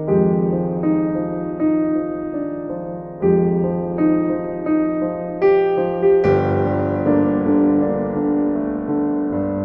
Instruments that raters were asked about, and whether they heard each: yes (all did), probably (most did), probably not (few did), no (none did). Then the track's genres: piano: yes
Soundtrack; Ambient Electronic; Unclassifiable